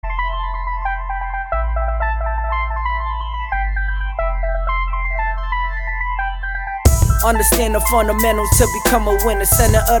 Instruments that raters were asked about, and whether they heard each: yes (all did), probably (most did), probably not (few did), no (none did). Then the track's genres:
mallet percussion: probably not
Hip-Hop